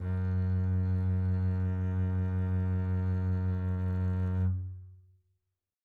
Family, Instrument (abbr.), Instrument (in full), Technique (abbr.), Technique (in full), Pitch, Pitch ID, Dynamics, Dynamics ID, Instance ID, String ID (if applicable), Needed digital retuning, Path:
Strings, Cb, Contrabass, ord, ordinario, F#2, 42, mf, 2, 3, 4, TRUE, Strings/Contrabass/ordinario/Cb-ord-F#2-mf-4c-T10u.wav